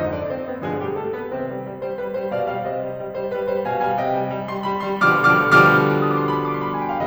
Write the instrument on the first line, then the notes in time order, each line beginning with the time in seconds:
piano
0.00 F2 G#2 D3 F3 D#4 D#5
0.19 D4 D5
0.31 C4 C5
0.49 B3 B4
0.66 G2 B2 D3 F3 G#3 G#4
0.85 G3 G4
1.00 A3 A4
1.16 B3 B4
1.34 C3 D#3 C4 C5
1.47 G3
1.67 G3
1.82 G3 C5
1.95 G3 B4
2.10 G3 C5
2.28 B2 D5 F5
2.43 G3 D5 F5
2.61 C3 C5 D#5
2.80 G3
2.97 G3
3.15 G3 C5
3.31 G3 B4
3.49 G3 C5
3.67 B2 F5 G#5
3.88 G3 F5 G#5
4.01 C3 D#5 G5
4.18 G3
4.35 G3
4.53 G3 C6
4.73 G3 B5
4.90 G3 C6
5.09 B2 D3 F3 G3 D6 F6
5.32 B2 D3 F3 G3 D6 F6
5.49 B2 D3 F3 G3 D6 F6
6.12 D#6
6.20 D6
6.30 C6
6.40 B5
6.50 C6
6.58 D6
6.64 C6
6.72 B5
6.80 G#5
6.90 G5
6.98 F5